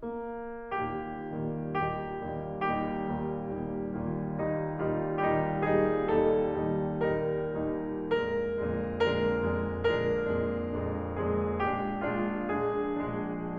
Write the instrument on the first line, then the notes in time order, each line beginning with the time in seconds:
piano
0.00 A#3
0.68 D#2 A#2 D#3 G3 A#3 D#4 G4
1.20 D#2 A#2 D#3 G3 A#3 D#4
1.70 D#2 A#2 D#3 G3 A#3 D#4 G4
2.22 D#2 A#2 D#3 G3 A#3 D#4
2.68 D#2 A#2 D#3 G3 A#3 D#4 G4
3.10 D#2 A#2 D#3 G3 A#3 D#4
3.51 D#2 A#2 D#3 G3 A#3 D#4
3.90 D#2 A#2 D#3 G3 A#3 D#4 F4
4.37 D#2 A#2 D#3 G3 D#4
4.75 D#2 A#2 D#3 G3 D#4 F4
5.17 D#2 A#2 D#3 G3 D#4 G4
5.63 D#2 A#2 D#3 G3 D#4 G#4
6.10 D#2 A#2 D#3 G3 D#4 A4
6.56 D#2 A#2 D#3 G3 D#4
7.05 D#2 A#2 D#3 G3 D#4 A#4
7.56 D#2 A#2 D#3 G3 D#4
8.16 F2 A#2 D3 G#3 D4 A#4
8.61 F2 A#2 D3 G#3 D4
9.00 F2 A#2 D3 G#3 D4 A#4
9.45 F2 A#2 D3 G#3 D4
9.85 F2 A#2 D3 G#3 D4 A#4
10.25 F2 A#2 D3 G#3 D4
10.79 F2 A#2 D3 G#3 D4
11.28 F2 A#2 D3 G#3 D4 G#4
11.71 A#1 A#2 G#3 D4 G4
12.19 A#1 A#2 G#3 D4 F4
12.67 A#1 A#2 G#3 D4 G#4
13.10 A#1 A#2 G#3 D4